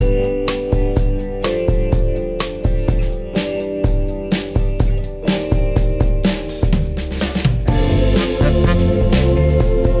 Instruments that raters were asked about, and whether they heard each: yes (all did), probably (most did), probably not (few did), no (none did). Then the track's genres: cymbals: yes
Pop; Electronic; Folk; Indie-Rock